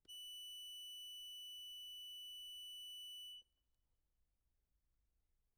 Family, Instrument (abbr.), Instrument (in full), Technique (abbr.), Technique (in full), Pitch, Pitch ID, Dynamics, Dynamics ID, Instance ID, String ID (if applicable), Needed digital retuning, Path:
Keyboards, Acc, Accordion, ord, ordinario, F#7, 102, mf, 2, 1, , FALSE, Keyboards/Accordion/ordinario/Acc-ord-F#7-mf-alt1-N.wav